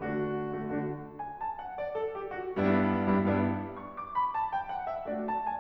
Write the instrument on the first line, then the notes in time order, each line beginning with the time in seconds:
piano
0.00 D3 A3 D4 F#4
0.55 D3 A3 D4 F#4
0.71 D3 A3 D4 F#4
1.21 G#5
1.38 A5
1.63 F#5
1.80 D5
1.95 A4
2.16 G4
2.33 F#4
2.60 G2 G3 B3 D4 E4
3.07 G2 G3 B3 D4 E4
3.20 G2 G3 B3 D4 E4
3.62 C#6
3.74 D6
4.11 B5
4.32 A5
4.53 G5
4.69 F#5
4.88 E5
5.06 A3 D4 F#4 D5
5.26 A5
5.45 G#5